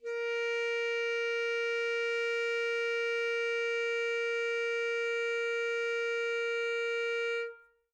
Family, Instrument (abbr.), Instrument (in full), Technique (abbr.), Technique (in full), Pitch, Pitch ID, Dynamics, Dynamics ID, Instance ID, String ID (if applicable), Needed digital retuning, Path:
Winds, ASax, Alto Saxophone, ord, ordinario, A#4, 70, mf, 2, 0, , FALSE, Winds/Sax_Alto/ordinario/ASax-ord-A#4-mf-N-N.wav